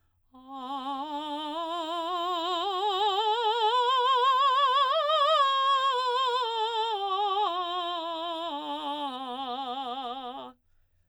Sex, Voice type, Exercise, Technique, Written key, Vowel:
female, soprano, scales, slow/legato forte, C major, a